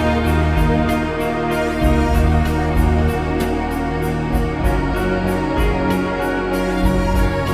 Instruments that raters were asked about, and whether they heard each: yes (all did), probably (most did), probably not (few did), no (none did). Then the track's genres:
trombone: probably not
trumpet: probably not
Ambient Electronic; Ambient